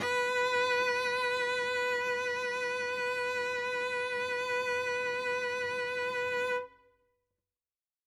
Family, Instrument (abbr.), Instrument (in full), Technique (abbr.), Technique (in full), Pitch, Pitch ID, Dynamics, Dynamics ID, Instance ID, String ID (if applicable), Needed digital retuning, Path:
Strings, Vc, Cello, ord, ordinario, B4, 71, ff, 4, 1, 2, FALSE, Strings/Violoncello/ordinario/Vc-ord-B4-ff-2c-N.wav